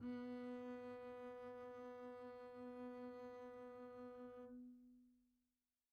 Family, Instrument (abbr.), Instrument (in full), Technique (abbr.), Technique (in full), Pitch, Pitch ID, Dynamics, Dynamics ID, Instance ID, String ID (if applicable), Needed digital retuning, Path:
Strings, Cb, Contrabass, ord, ordinario, B3, 59, pp, 0, 0, 1, FALSE, Strings/Contrabass/ordinario/Cb-ord-B3-pp-1c-N.wav